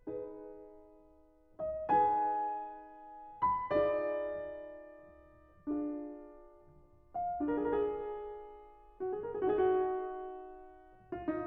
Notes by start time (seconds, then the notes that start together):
0.00 D#4 G#4 B4
1.47 D#5
1.95 D#4 G#4 B4 G#5
3.38 B5
3.81 D#4 F4 G#4 D5
5.60 D4 F4 G#4
6.94 F5
7.40 D4 F4 A#4
7.45 G#4
7.51 A#4
7.59 G#4
7.66 A#4
7.73 G#4
8.71 F#4
8.95 G#4
9.21 A#4
9.40 G#4
9.47 F#4
9.56 G#4
9.64 F#4
9.73 G#4
9.83 F#4
9.91 G#4
10.01 F#4
11.12 F4
11.31 D#4